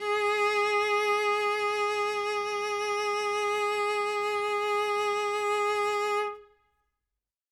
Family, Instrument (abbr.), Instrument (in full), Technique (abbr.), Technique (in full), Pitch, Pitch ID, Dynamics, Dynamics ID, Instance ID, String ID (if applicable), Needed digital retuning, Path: Strings, Vc, Cello, ord, ordinario, G#4, 68, ff, 4, 0, 1, TRUE, Strings/Violoncello/ordinario/Vc-ord-G#4-ff-1c-T18u.wav